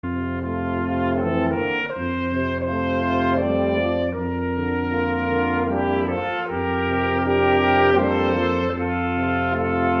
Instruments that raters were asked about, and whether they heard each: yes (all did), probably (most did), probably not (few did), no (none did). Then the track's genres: trumpet: yes
cymbals: no
clarinet: probably not
trombone: probably not
Old-Time / Historic; Holiday